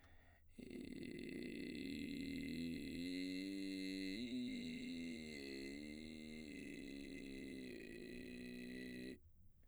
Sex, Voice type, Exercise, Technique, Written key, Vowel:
male, baritone, arpeggios, vocal fry, , i